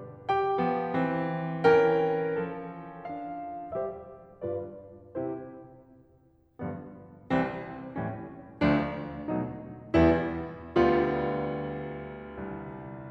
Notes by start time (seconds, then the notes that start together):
0.31 G4 G5
0.59 F3 B3
0.95 E3 C4
1.65 E3 C#4 A#4 G5
2.34 F3 A4
3.10 D4 F5
3.74 G3 G4 C5 E5
4.43 G2 F4 B4 D5
5.24 C3 E4 G4 C5
6.62 G2 D3 F3 B3
7.31 C2 E3 G3 C4
7.98 A2 E3 G3 C#4
8.66 D2 F3 A3 D4
9.31 B2 F#3 A3 D#4
9.96 E2 G3 B3 E4
10.77 D2 D3 G3 B3 F4
12.43 C2